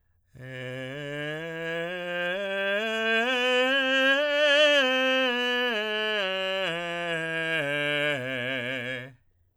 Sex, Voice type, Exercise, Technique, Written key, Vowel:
male, tenor, scales, slow/legato forte, C major, e